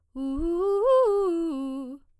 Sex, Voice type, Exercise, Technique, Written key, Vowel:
female, soprano, arpeggios, fast/articulated piano, C major, u